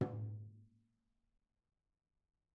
<region> pitch_keycenter=64 lokey=64 hikey=64 volume=21.257912 offset=262 lovel=0 hivel=65 seq_position=2 seq_length=2 ampeg_attack=0.004000 ampeg_release=30.000000 sample=Membranophones/Struck Membranophones/Tom 1/Stick/TomH_HitS_v2_rr2_Mid.wav